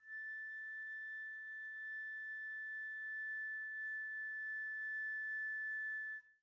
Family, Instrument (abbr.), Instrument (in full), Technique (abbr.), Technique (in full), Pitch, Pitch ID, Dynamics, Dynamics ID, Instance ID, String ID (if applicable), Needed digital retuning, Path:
Winds, Fl, Flute, ord, ordinario, A6, 93, pp, 0, 0, , FALSE, Winds/Flute/ordinario/Fl-ord-A6-pp-N-N.wav